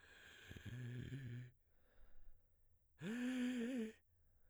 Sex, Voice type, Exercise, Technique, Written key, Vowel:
male, baritone, long tones, inhaled singing, , e